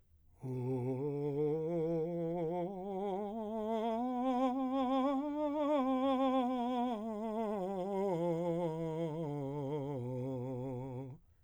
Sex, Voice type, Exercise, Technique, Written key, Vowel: male, , scales, slow/legato piano, C major, o